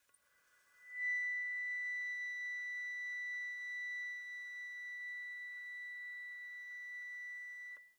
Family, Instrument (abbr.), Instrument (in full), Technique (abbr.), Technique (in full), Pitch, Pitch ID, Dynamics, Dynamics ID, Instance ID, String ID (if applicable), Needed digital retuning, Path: Winds, Fl, Flute, ord, ordinario, B6, 95, pp, 0, 0, , TRUE, Winds/Flute/ordinario/Fl-ord-B6-pp-N-T11u.wav